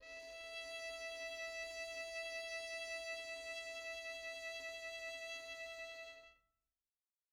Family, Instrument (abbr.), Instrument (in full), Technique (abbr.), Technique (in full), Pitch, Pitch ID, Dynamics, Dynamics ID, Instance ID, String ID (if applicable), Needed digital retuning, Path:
Strings, Vn, Violin, ord, ordinario, E5, 76, mf, 2, 1, 2, FALSE, Strings/Violin/ordinario/Vn-ord-E5-mf-2c-N.wav